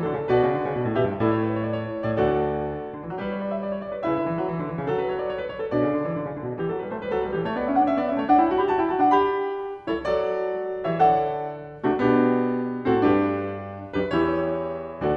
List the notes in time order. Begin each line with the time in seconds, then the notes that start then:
0.00 D3 F#4
0.12 C#3 A4
0.20 B2 D5
0.28 F#4
0.34 C#3 B4
0.46 D3 D5
0.62 C#3
0.75 B2
0.85 A2
0.94 B2 G4
1.08 G2 B4
1.17 A2 E5
1.24 E4
1.32 A4
1.43 B4
1.52 C#5
1.60 D5
1.68 C#5
1.75 D5
1.83 C#5
1.92 A2 D5
2.00 C#5
2.16 D2 D5
2.21 F#4
2.32 A4
2.41 D5
2.91 D3
3.01 E3
3.10 F#3
3.22 G3
3.42 B4
3.54 C#5
3.65 D5
3.76 E5
3.84 D5
3.92 C#5
4.03 C#3 D5
4.08 E4
4.12 D3 B4
4.23 E3 E5
4.35 F#3
4.45 E3
4.56 D3
4.66 E3
4.77 C#3
4.82 F#3
5.02 A4
5.12 B4
5.24 C#5
5.32 D5
5.43 C#5
5.53 B4
5.65 B2 C#5
5.71 D4
5.78 C#3 A4
5.86 D3 D5
5.98 E3
6.07 D3
6.19 C#3
6.30 D3
6.43 B2
6.56 E3
6.69 F#3
6.78 G3 G4
6.88 A3 A4
6.99 G3 B4
7.07 F#3 C5
7.16 G3 B4
7.27 E3 A4
7.36 A3 B4
7.47 B3 G4
7.57 C#4 C#5
7.70 D4 D5
7.81 C#4 E5
7.93 B3 F#5
8.05 C#4 E5
8.14 A3 D5
8.25 D4 E5
8.35 E4 C#5
8.46 F#4 F#5
8.53 G4 G5
8.65 F#4 A5
8.77 E4 B5
8.87 F#4 A5
8.99 D4 G5
9.11 G4 A5
9.24 F#5
9.37 B5
9.86 G3 E4
9.94 A4
10.03 F#3 C#5
10.08 F#4
10.17 A4
10.25 D5
10.77 E3 G4
10.92 C#5
11.01 D3 E5
11.05 A4
11.13 D5
11.22 F#5
11.77 C3 A3
11.92 D4
11.99 B2 F#4
12.05 B3
12.20 D4
12.27 G4
12.76 A2
12.81 C4
12.92 F#4
13.08 G2 A4
13.13 D4
13.29 G4
13.40 B4
13.92 F#2 G4
14.09 D4
14.19 E2 B4
14.23 G4
14.36 E4
14.47 C#5
14.94 D2 A4
15.08 F#4